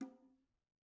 <region> pitch_keycenter=63 lokey=63 hikey=63 volume=33.187404 offset=92 lovel=0 hivel=65 seq_position=2 seq_length=2 ampeg_attack=0.004000 ampeg_release=15.000000 sample=Membranophones/Struck Membranophones/Bongos/BongoL_Hit1_v1_rr2_Mid.wav